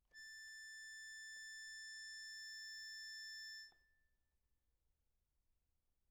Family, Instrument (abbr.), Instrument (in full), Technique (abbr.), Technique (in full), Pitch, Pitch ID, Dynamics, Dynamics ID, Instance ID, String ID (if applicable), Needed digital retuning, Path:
Keyboards, Acc, Accordion, ord, ordinario, A6, 93, p, 1, 0, , FALSE, Keyboards/Accordion/ordinario/Acc-ord-A6-p-N-N.wav